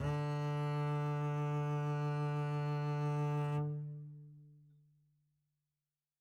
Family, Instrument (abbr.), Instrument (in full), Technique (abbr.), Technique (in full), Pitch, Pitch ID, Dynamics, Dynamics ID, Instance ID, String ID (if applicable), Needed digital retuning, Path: Strings, Cb, Contrabass, ord, ordinario, D3, 50, mf, 2, 1, 2, FALSE, Strings/Contrabass/ordinario/Cb-ord-D3-mf-2c-N.wav